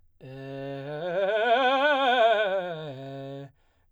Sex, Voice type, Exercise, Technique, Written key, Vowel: male, baritone, scales, fast/articulated forte, C major, e